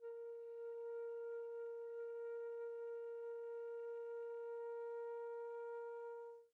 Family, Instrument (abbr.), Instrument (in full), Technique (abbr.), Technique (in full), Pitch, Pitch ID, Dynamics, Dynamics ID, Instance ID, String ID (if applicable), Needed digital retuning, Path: Winds, Fl, Flute, ord, ordinario, A#4, 70, pp, 0, 0, , TRUE, Winds/Flute/ordinario/Fl-ord-A#4-pp-N-T11u.wav